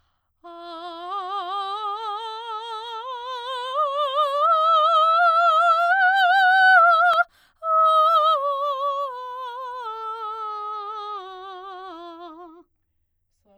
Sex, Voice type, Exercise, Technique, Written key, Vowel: female, soprano, scales, slow/legato forte, F major, a